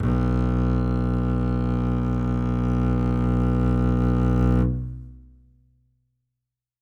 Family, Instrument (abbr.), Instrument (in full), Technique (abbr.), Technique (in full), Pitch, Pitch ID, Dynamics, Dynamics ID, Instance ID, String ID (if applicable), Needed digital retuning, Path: Strings, Cb, Contrabass, ord, ordinario, B1, 35, ff, 4, 3, 4, FALSE, Strings/Contrabass/ordinario/Cb-ord-B1-ff-4c-N.wav